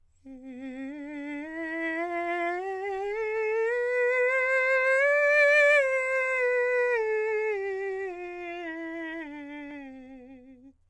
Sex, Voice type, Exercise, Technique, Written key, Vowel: male, countertenor, scales, vibrato, , e